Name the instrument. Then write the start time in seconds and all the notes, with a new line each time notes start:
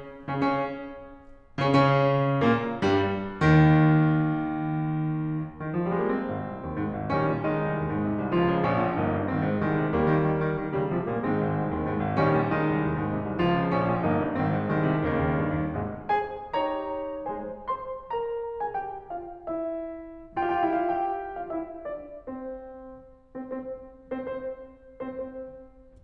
piano
0.15 C#3 C#4
0.23 C#3 C#4
1.57 C#3 C#4
1.64 C#3 C#4
2.39 A#2 A#3
2.79 G2 G3
3.27 D#2 D#3
5.78 D#3
5.84 F3
5.90 G3
5.96 G#3
6.01 A#3
6.08 C4
6.25 G#1
6.40 C2
6.57 D#2
6.76 G#2
6.94 G#1
7.11 A#1 D#3 G3 C#4
7.29 A#2
7.45 D#3 G#3 D#4
7.64 C2
7.80 D#2
7.92 G#2
8.06 C3
8.20 C2
8.38 C#2 F3 F4
8.53 C#3
8.67 A#1 C#4
8.84 A#2
9.02 G1 A#3 D#4
9.20 G2
9.33 G#1 D#3 C4
9.49 G#2
9.65 C2 D#3 G#3
9.78 C3
9.93 D#2 G3 A#3
10.08 D#3
10.25 D#3
10.41 D#3
10.58 D#3
10.74 C#3 D#3 G3
10.91 C3 F3 G#3
11.08 A#2 G3 A#3
11.26 G#2 D#3 G#3 C4
11.45 G#1
11.62 C2
11.78 D#2
11.95 G#2
12.09 G#1
12.24 A#1 D#3 G3 C#4
12.36 A#2
12.53 D#3 G#3 D#4
12.70 C2
12.84 D#2
12.99 G#2
13.14 C3
13.27 C2
13.43 C#2 F3 F4
13.66 C#3
13.83 A#1 C#4
13.96 A#2
14.08 G1 A#3 D#4
14.25 G2
14.37 G#1 D#3 C4
14.51 G#2
14.71 C2 D#3 G#3
14.94 C3
15.13 D#2 C#3 D#3 A#3
15.29 D#2
15.46 G2
15.60 D#2
15.80 G#1 G#2 C3 G#3
16.17 G#3 G#4 C5 G#5
16.57 D#4 G4 C#5 A#5
17.29 G#3 G#4 C5 G#5
17.66 C5 C6
18.08 A#4 A#5
18.61 G#4 G#5
18.70 G4 G5
19.11 F4 F5
19.52 E4 E5
20.45 F4 F5
20.54 G4 G5
20.65 E4 E5
20.71 F4 F5
20.81 G4 G5
21.43 F4 F5
21.52 E4 E5
21.85 D4 D5
22.24 C4 C5
23.59 C4 C5
23.65 C4 C5
24.22 C4 C5
24.32 C4 C5
24.97 C4 C5
25.05 C4 C5